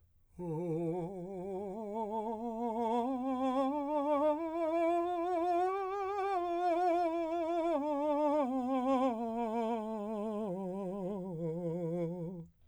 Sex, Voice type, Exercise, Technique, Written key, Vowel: male, , scales, slow/legato piano, F major, o